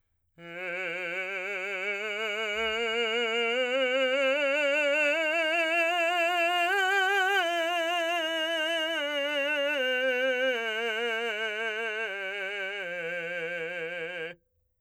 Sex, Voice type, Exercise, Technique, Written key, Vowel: male, , scales, slow/legato forte, F major, e